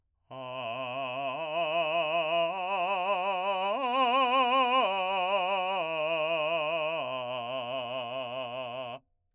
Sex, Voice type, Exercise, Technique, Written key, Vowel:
male, , arpeggios, slow/legato forte, C major, a